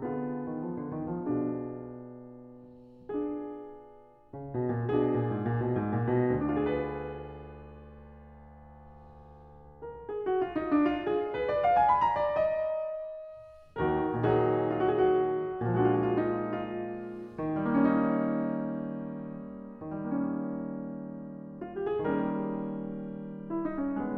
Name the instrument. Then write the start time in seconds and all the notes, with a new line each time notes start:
piano
0.00 D3 B3 F4 G#4
0.49 D#3
0.62 F3
0.77 D3
0.96 D#3
1.16 F3
1.31 B2 D4 F4 G#4
3.15 D4 F4 G#4
4.25 C#3
4.48 B2
4.66 A#2
4.88 B2 D4 F4 G#4
5.10 A#2
5.31 G#2
5.42 A#2
5.62 B2
5.75 G#2
5.92 A#2
6.10 B2
6.37 D2 D4
6.50 F4
6.57 G#4
6.73 B4
9.82 A#4
10.07 G#4
10.25 F#4
10.43 F4
10.54 D#4
10.69 D4
10.88 F4
11.09 G#4
11.33 B4
11.49 D5
11.64 F5
11.77 G#5
11.88 B5
12.02 A#5
12.19 D5
12.45 D#5
13.76 D#2 D#3 F#4 A#4
14.22 A#2 D#3 F#3 D#4 G#4
14.36 F#4
15.78 A#2 F3 G#3 D4 F#4
15.87 F4
15.93 F#4
15.99 F4
16.06 F#4
16.13 F4
16.20 D#4
16.63 F4
17.46 D#3 D#4
17.54 G3
17.60 A#3
17.72 C#4
19.95 D#3
20.04 G3
20.11 A#3
20.17 C#4
21.47 F4
21.71 G4
21.87 G#4
22.06 A#4
22.14 D#3 G3
22.23 A#3
22.28 C#4
23.37 E4
23.60 D#4
23.84 C#4
24.07 B3